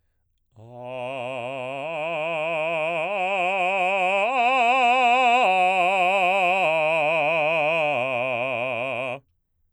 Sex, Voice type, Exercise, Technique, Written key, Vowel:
male, baritone, arpeggios, slow/legato forte, C major, a